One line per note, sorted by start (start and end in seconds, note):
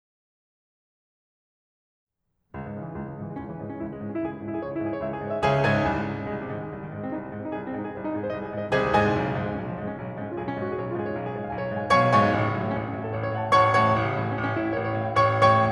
2.54 2.73 C#2
2.63 2.81 G#2
2.73 2.91 G#2
2.73 2.91 C#3
2.82 3.02 E3
2.91 3.13 C#2
2.91 3.13 G#3
3.02 3.25 C#3
3.13 3.34 G#2
3.13 3.34 E3
3.25 3.47 G#3
3.34 3.56 C#2
3.34 3.56 C#4
3.47 3.66 E3
3.56 3.77 G#2
3.56 3.77 G#3
3.66 3.89 C#4
3.77 4.02 C#2
3.77 4.02 E4
3.90 4.13 G#3
4.03 4.23 G#2
4.03 4.23 C#4
4.14 4.36 E4
4.24 4.46 C#2
4.24 4.46 G#4
4.36 4.56 C#4
4.46 4.65 G#2
4.46 4.65 E4
4.56 4.74 G#4
4.65 4.83 C#2
4.65 4.83 C#5
4.74 4.91 E4
4.83 5.00 G#2
4.83 5.00 G#4
4.91 5.13 C#5
5.00 5.22 C#2
5.00 5.22 E5
5.13 5.33 G#4
5.24 5.43 G#2
5.24 5.43 C#5
5.34 5.43 E5
5.44 5.82 C#2
5.44 5.82 C#3
5.44 5.63 G#4
5.44 5.63 C#5
5.44 5.63 E5
5.44 5.63 G#5
5.64 5.82 G#2
5.64 5.82 G#4
5.64 5.82 C#5
5.64 5.82 E5
5.64 5.82 G#5
5.82 6.04 C2
5.92 6.19 G#2
6.04 6.32 G#2
6.04 6.32 C3
6.19 6.42 D#3
6.32 6.56 C2
6.32 6.56 G#3
6.42 6.65 C3
6.56 6.73 G#2
6.56 6.73 D#3
6.65 6.84 G#3
6.74 6.93 C2
6.74 6.93 C4
6.85 7.05 D#3
6.95 7.15 G#2
6.95 7.15 G#3
7.06 7.24 C4
7.15 7.33 C2
7.15 7.33 D#4
7.24 7.43 G#3
7.33 7.52 G#2
7.33 7.52 C4
7.43 7.63 D#4
7.52 7.72 C2
7.52 7.72 G#4
7.63 7.80 C4
7.72 7.89 G#2
7.72 7.89 D#4
7.80 8.00 G#4
7.89 8.09 C2
7.89 8.09 C5
8.01 8.21 D#4
8.10 8.31 G#2
8.10 8.31 G#4
8.22 8.44 C5
8.32 8.53 C2
8.32 8.53 D#5
8.44 8.63 G#4
8.53 8.71 G#2
8.53 8.71 C5
8.63 8.71 D#5
8.71 9.12 C2
8.71 9.12 C3
8.71 8.90 G#4
8.71 8.90 C5
8.71 8.90 D#5
8.71 8.90 G#5
8.90 9.12 G#2
8.90 9.12 G#4
8.90 9.12 C5
8.90 9.12 D#5
8.90 9.12 G#5
9.12 9.32 B1
9.22 9.39 C#3
9.33 9.50 G#2
9.33 9.50 F3
9.40 9.60 G#3
9.51 9.69 B1
9.51 9.69 C#4
9.61 9.81 F3
9.71 9.90 G#2
9.71 9.90 G#3
9.81 10.01 C#4
9.90 10.10 B1
9.90 10.10 F4
10.01 10.23 G#3
10.10 10.36 G#2
10.10 10.36 C#4
10.23 10.45 F4
10.36 10.54 B1
10.36 10.54 G#4
10.45 10.63 C#4
10.54 10.73 G#2
10.54 10.73 F4
10.63 10.83 G#4
10.74 10.92 B1
10.74 10.92 C#5
10.84 11.03 F4
10.94 11.14 G#2
10.94 11.14 G#4
11.04 11.24 C#5
11.14 11.34 B1
11.14 11.34 F5
11.24 11.41 G#4
11.34 11.47 G#2
11.34 11.47 C#5
11.41 11.56 F5
11.47 11.67 B1
11.47 11.67 G#5
11.56 11.75 C#5
11.67 11.84 G#2
11.67 11.84 F5
11.75 11.84 G#5
11.84 12.27 B1
11.84 12.27 B2
11.84 12.03 C#5
11.84 12.03 F5
11.84 12.03 G#5
11.84 12.03 C#6
12.04 12.27 G#2
12.04 12.27 C#5
12.04 12.27 F5
12.04 12.27 G#5
12.04 12.27 C#6
12.28 12.46 A1
12.36 12.56 C#3
12.46 12.67 G#2
12.46 12.67 F#3
12.56 12.78 A3
12.67 12.89 A1
12.67 12.78 C#4
12.78 12.99 C#4
12.89 13.08 G#2
12.89 13.08 F#4
12.99 13.18 A4
13.08 13.26 A1
13.08 13.18 C#5
13.18 13.35 C#5
13.27 13.44 G#2
13.27 13.44 F#5
13.36 13.52 A5
13.46 13.78 A1
13.46 13.62 C#5
13.46 13.62 F#5
13.46 13.62 C#6
13.63 13.78 G#2
13.63 13.78 C#5
13.63 13.78 F#5
13.63 13.78 C#6
13.78 13.99 A1
13.88 14.11 C#3
13.99 14.23 A2
13.99 14.23 E3
14.11 14.35 G3
14.23 14.48 A1
14.23 14.35 C#4
14.35 14.58 C#4
14.48 14.72 A2
14.48 14.72 E4
14.58 14.87 G4
14.73 14.95 A1
14.73 14.87 C#5
14.88 15.06 C#5
14.96 15.17 A2
14.96 15.17 E5
15.07 15.17 G5
15.17 15.72 A1
15.17 15.46 C#5
15.17 15.46 G5
15.17 15.46 C#6
15.46 15.72 A2
15.46 15.72 C#5
15.46 15.72 G5
15.46 15.72 C#6